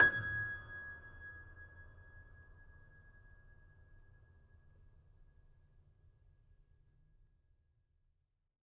<region> pitch_keycenter=92 lokey=92 hikey=93 volume=2.450249 lovel=0 hivel=65 locc64=65 hicc64=127 ampeg_attack=0.004000 ampeg_release=0.400000 sample=Chordophones/Zithers/Grand Piano, Steinway B/Sus/Piano_Sus_Close_G#6_vl2_rr1.wav